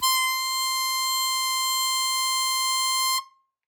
<region> pitch_keycenter=84 lokey=82 hikey=86 volume=6.466968 trigger=attack ampeg_attack=0.100000 ampeg_release=0.100000 sample=Aerophones/Free Aerophones/Harmonica-Hohner-Super64/Sustains/Accented/Hohner-Super64_Accented_C5.wav